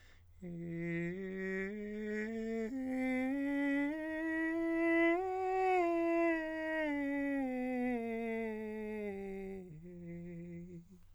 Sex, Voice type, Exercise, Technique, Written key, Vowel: male, countertenor, scales, slow/legato piano, F major, e